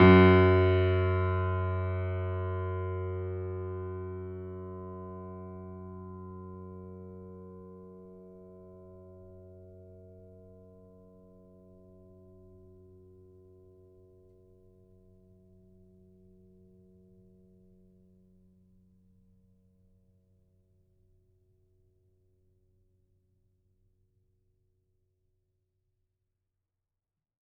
<region> pitch_keycenter=42 lokey=42 hikey=43 volume=0.450571 lovel=100 hivel=127 locc64=0 hicc64=64 ampeg_attack=0.004000 ampeg_release=0.400000 sample=Chordophones/Zithers/Grand Piano, Steinway B/NoSus/Piano_NoSus_Close_F#2_vl4_rr1.wav